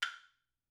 <region> pitch_keycenter=62 lokey=62 hikey=62 volume=11.269818 offset=710 lovel=0 hivel=83 ampeg_attack=0.004000 ampeg_release=30.000000 sample=Idiophones/Struck Idiophones/Woodblock/wood_click3_vl1.wav